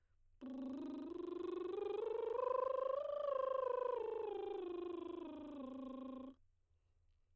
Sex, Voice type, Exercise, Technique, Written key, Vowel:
female, soprano, scales, lip trill, , u